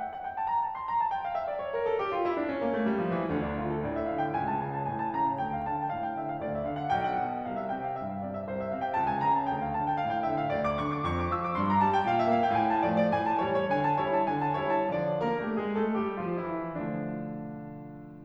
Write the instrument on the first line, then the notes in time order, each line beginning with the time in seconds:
piano
0.00 G5
0.10 F#5
0.26 G5
0.37 A5
0.50 A#5
0.63 A5
0.77 C6
0.91 A#5
1.03 A5
1.13 G5
1.28 F5
1.39 E5
1.50 D5
1.63 C#5
1.76 A#4
1.87 A4
1.99 G4
2.12 F4
2.24 E4
2.36 D4
2.45 C#4
2.58 A#3
2.72 A3
2.88 G3
2.98 F3
3.12 E3
3.26 D2 D3
3.41 D4
3.54 D3 F4
3.68 A4
3.84 A2 D5
3.98 E5
4.11 D3 F5
4.24 G5
4.35 C#2 G#5
4.52 A5
4.67 C#3 G#5
4.73 A5
4.85 A2 G#5
5.00 A5
5.14 C#3 A#5
5.28 A5
5.40 D2 G5
5.53 F5
5.67 D3 A5
5.76 G5
5.89 A2 F5
5.99 G5
6.16 D3 E5
6.29 F5
6.41 D2 D5
6.56 E5
6.71 D3 F5
6.79 F#5
6.93 B1 G5
7.06 F#5
7.23 B2 A5
7.34 G5
7.48 C2 F5
7.63 E5
7.74 C3 G5
7.87 F5
8.06 G2 E5
8.15 F5
8.23 C3 D5
8.36 E5
8.45 C2 C5
8.60 E5
8.68 C3 F5
8.82 G5
8.99 C#2 A5
9.09 G#5
9.26 C#3 A#5
9.42 A5
9.56 D2 G5
9.67 F5
9.76 D3 A5
9.90 G5
10.04 A2 F5
10.15 G5
10.30 D3 E5
10.40 F5
10.53 D2 D5
10.65 D6
10.82 D3 C#6
10.96 D6
11.11 F2 C#6
11.20 D6
11.33 F3 E6
11.44 D6
11.55 G2 C6
11.70 A#5
11.83 G3 A5
11.97 G5
12.12 A#2 F5
12.23 E5
12.35 A#3 F5
12.45 G5
12.57 A2 G#5
12.72 A5
12.86 F3 A3
13.03 D5
13.15 A2 G#5
13.29 A5
13.40 E3 G3
13.55 C#5
13.70 D3 G#5
13.84 A5
14.00 G3 E4 C#5
14.12 A5
14.25 D3 G#5
14.42 A5
14.57 G3 E4 C#5
14.77 A5
14.95 D3 F3 D4 D5
15.16 A#3 A#4
15.36 A3 A4
15.56 G#3 G#4
15.77 A3 A4
15.96 G3 G4
16.18 F3 F4
16.47 E3 E4
16.75 D3 F3 A3 D4